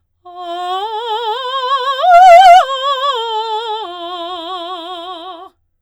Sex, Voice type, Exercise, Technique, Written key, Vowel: female, soprano, arpeggios, slow/legato forte, F major, a